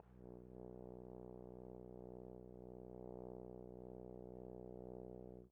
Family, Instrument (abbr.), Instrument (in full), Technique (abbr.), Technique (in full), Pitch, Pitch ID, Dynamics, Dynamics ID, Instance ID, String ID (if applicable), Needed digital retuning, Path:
Brass, Tbn, Trombone, ord, ordinario, B1, 35, pp, 0, 0, , FALSE, Brass/Trombone/ordinario/Tbn-ord-B1-pp-N-N.wav